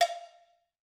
<region> pitch_keycenter=62 lokey=62 hikey=62 volume=1.349560 offset=221 lovel=84 hivel=127 ampeg_attack=0.004000 ampeg_release=15.000000 sample=Idiophones/Struck Idiophones/Cowbells/Cowbell1_Normal_v3_rr1_Mid.wav